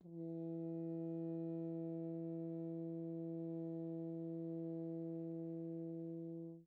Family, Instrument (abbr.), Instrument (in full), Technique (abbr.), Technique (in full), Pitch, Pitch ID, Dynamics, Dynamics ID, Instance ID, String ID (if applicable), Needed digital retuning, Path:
Brass, Hn, French Horn, ord, ordinario, E3, 52, pp, 0, 0, , FALSE, Brass/Horn/ordinario/Hn-ord-E3-pp-N-N.wav